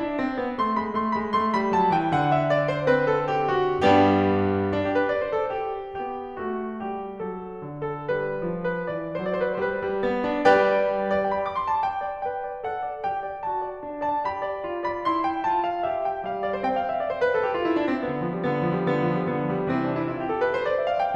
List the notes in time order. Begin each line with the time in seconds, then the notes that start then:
0.01 D4
0.23 C4
0.44 B3
0.61 A3 C6
0.80 G#3 B5
0.99 A3 C6
1.18 G#3 B5
1.35 A3 C6
1.56 G3 B5
1.75 F#3 A5
1.97 E3 G5
2.17 D3 F#5
2.36 E5
2.53 D5
2.72 C5
2.94 C4 B4
3.13 A4
3.37 G4
3.63 F#4
3.84 G2 G3 B3 D4 G4
4.74 D4
4.86 G4
4.99 B4
5.10 D5
5.23 C5
5.36 A4
5.56 G4
6.02 B3 G4
6.41 A3 F#4
6.84 G3 G4
7.22 F#3 A4
7.62 D3
7.83 A4
8.05 G3 B4
8.52 F3
8.70 B4
8.88 E3 D5
9.27 F#3 C5
9.32 D5
9.40 C5
9.44 D5
9.50 C5
9.55 D5
9.60 B4
9.64 C5
9.69 G3 B4
9.91 G3
10.09 B3
10.30 D4
10.51 G3 G4 B4 D5 G5
11.27 D5
11.33 G5
11.45 B5
11.52 D6
11.63 C6
11.74 A5
11.86 G5
12.23 B4 G5
12.43 D5
12.65 A4 F#5
12.93 D5
13.08 G4 G5
13.25 D5
13.44 F#4 A5
13.60 D5
13.82 D4
14.03 D5 A5
14.27 G4 B5
14.48 D5
14.68 F4
14.84 D5 B5
15.06 E4 C6
15.25 G5
15.52 F4 A5
15.68 F5
15.87 G4 E5
16.04 G5
16.25 G3 F5
16.43 D5
16.61 C4 C5 G5
16.74 F5
16.88 E5
16.98 D5
17.11 C5
17.22 B4
17.37 A4
17.48 G4
17.59 F4
17.69 E4
17.82 D4
17.93 C4
18.08 D3 B3
18.20 F3
18.34 G3
18.50 D3 B3
18.64 F3
18.78 G3
18.92 D3 B3
19.05 F3
19.16 G3
19.31 D3 B3
19.42 F3
19.56 G3
19.73 C3 E3 C4
19.84 D4
19.94 E4
20.13 F4
20.23 G4
20.35 A4
20.44 B4
20.57 C5
20.68 D5
20.81 E5
20.89 F5
21.01 G5